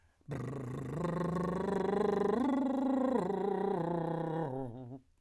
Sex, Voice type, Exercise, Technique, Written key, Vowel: male, , arpeggios, lip trill, , a